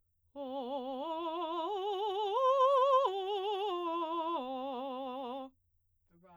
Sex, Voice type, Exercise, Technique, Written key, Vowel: female, soprano, arpeggios, vibrato, , o